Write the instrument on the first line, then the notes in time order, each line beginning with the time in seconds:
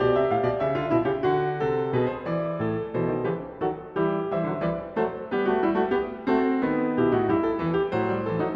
piano
0.00 B2 G4 D5
0.16 C3 E5
0.31 A2 F5
0.46 B2 D5
0.63 C#3 E5
0.79 D3 F4
0.94 B2 E4
1.08 C#3 G4
1.23 D3 F#4
1.66 C3 A4
1.96 B2 G#4 B4
2.11 C5
2.28 E3 D5
2.61 A2 A4
2.96 B2 E3 A4 C5
3.08 D#3
3.24 C#3 E3 G4 B4
3.61 D#3 F#3 F#4 A4
3.97 E3 G3 E4 G4
4.30 E3 G3 C5 E5
4.47 D3 F#3
4.62 E3 G3 B4 D5
4.97 F#3 A3 A4 C5
5.32 G3 B3 G4 B4
5.48 A3 F#4
5.65 G3 E4
5.77 A3 F#4
5.92 B3 G4
6.30 A3 C4 F#4 A4
6.63 D#3 B3
6.97 B2 E4 G4
7.11 A2 D#4 F#4
7.24 G2 E4 G4
7.44 A4
7.59 E2 E3 B4
7.73 G4
7.88 A2 F#3 C5
8.06 G3
8.23 E3 A4
8.38 F#3 D#4